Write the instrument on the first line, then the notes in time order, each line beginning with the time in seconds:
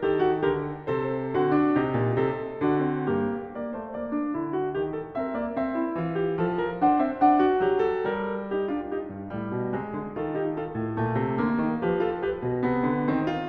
piano
0.00 D#3 G4 A4
0.20 F#4
0.43 D3 G4 A#4
0.87 C3 A4 C5
1.31 D3 C4 F#4
1.52 D4
1.75 C3 D#4 G4
1.96 A#2
2.17 C3 A4
2.62 D3 D4 F#4
2.84 C4
3.08 G2 A#3 G4
3.49 A#3 D5
3.69 A3 C5
3.89 A#3 D5
4.13 D4
4.33 D3 E4
4.50 F#4
4.69 D#3 G4
4.91 A4
5.15 C4 A#4 E5
5.35 A#3 D5
5.56 C4 E5
5.79 E4
5.94 E3 F4
6.15 G4
6.43 F3 A4
6.61 A#4
6.76 D4 C5 F#5
6.95 C4 E5
7.17 D4 F#5
7.40 F#4
7.56 F#3 G4
7.81 A4
8.01 G3 A#4
8.48 D#4 G4
8.68 D4 F4
8.87 D#4 G4
9.08 G2
9.29 A2 G3
9.52 B2
9.73 C3 G#3
9.94 D3
10.19 D#3 F4 A4
10.36 D#4 G4
10.59 F4 A4
10.80 A2
10.98 A#2 A3
11.20 C3
11.41 D3 A#3
11.62 D#3
11.83 F3 G4 B4
12.00 F4 A4
12.17 G4 B4
12.35 B2
12.54 C3 B3
12.78 D3
13.03 D#3 C4
13.26 F4